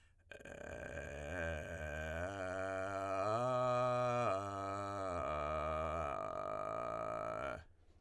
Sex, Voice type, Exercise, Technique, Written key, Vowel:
male, tenor, arpeggios, vocal fry, , e